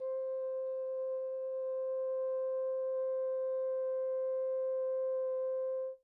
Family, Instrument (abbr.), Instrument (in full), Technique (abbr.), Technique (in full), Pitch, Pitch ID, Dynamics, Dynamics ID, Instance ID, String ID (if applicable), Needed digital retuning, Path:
Brass, Hn, French Horn, ord, ordinario, C5, 72, pp, 0, 0, , FALSE, Brass/Horn/ordinario/Hn-ord-C5-pp-N-N.wav